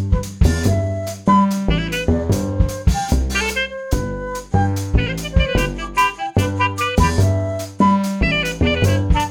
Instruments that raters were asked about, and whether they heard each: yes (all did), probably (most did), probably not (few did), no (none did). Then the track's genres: saxophone: yes
Rock